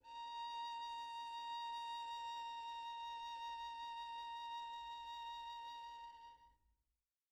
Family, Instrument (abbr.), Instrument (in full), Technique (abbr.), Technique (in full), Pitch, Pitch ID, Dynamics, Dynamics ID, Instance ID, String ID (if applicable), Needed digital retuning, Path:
Strings, Vn, Violin, ord, ordinario, A#5, 82, pp, 0, 1, 2, FALSE, Strings/Violin/ordinario/Vn-ord-A#5-pp-2c-N.wav